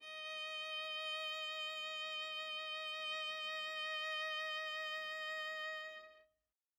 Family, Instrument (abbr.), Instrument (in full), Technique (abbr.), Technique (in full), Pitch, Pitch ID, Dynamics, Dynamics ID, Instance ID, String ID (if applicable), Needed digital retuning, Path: Strings, Va, Viola, ord, ordinario, D#5, 75, mf, 2, 0, 1, TRUE, Strings/Viola/ordinario/Va-ord-D#5-mf-1c-T11u.wav